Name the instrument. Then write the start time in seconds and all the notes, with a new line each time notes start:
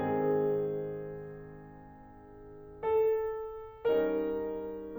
piano
0.01 G#2 D#3 G#3 C4 G#4
2.83 A4
3.90 G3 C#4 D#4 A#4